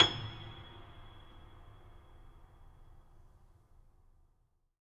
<region> pitch_keycenter=104 lokey=104 hikey=108 volume=4.867380 lovel=0 hivel=65 locc64=65 hicc64=127 ampeg_attack=0.004000 ampeg_release=10.400000 sample=Chordophones/Zithers/Grand Piano, Steinway B/Sus/Piano_Sus_Close_G#7_vl2_rr1.wav